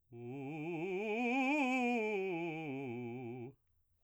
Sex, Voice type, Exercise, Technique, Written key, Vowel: male, baritone, scales, fast/articulated piano, C major, u